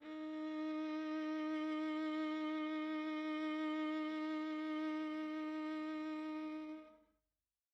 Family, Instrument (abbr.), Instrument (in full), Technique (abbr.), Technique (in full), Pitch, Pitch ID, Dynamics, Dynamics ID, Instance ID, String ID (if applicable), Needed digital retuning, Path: Strings, Va, Viola, ord, ordinario, D#4, 63, mf, 2, 3, 4, FALSE, Strings/Viola/ordinario/Va-ord-D#4-mf-4c-N.wav